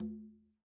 <region> pitch_keycenter=63 lokey=63 hikey=63 volume=27.525734 lovel=0 hivel=65 seq_position=1 seq_length=2 ampeg_attack=0.004000 ampeg_release=15.000000 sample=Membranophones/Struck Membranophones/Conga/Quinto_HitN_v1_rr1_Sum.wav